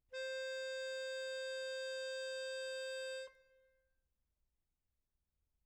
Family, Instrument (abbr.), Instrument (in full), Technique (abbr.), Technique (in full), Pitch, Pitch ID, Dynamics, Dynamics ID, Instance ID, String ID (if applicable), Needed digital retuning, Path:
Keyboards, Acc, Accordion, ord, ordinario, C5, 72, mf, 2, 1, , FALSE, Keyboards/Accordion/ordinario/Acc-ord-C5-mf-alt1-N.wav